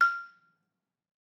<region> pitch_keycenter=89 lokey=87 hikey=91 volume=5.113356 offset=176 lovel=100 hivel=127 ampeg_attack=0.004000 ampeg_release=30.000000 sample=Idiophones/Struck Idiophones/Balafon/Hard Mallet/EthnicXylo_hardM_F5_vl3_rr1_Mid.wav